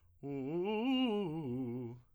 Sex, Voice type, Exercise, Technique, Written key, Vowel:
male, tenor, arpeggios, fast/articulated piano, C major, u